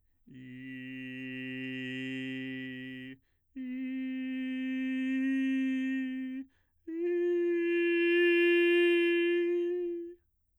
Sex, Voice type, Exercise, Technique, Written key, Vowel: male, bass, long tones, messa di voce, , i